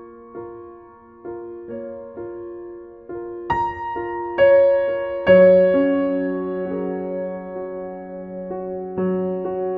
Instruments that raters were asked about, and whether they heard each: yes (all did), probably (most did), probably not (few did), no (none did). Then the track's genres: piano: yes
cymbals: no
Soundtrack; Ambient Electronic; Unclassifiable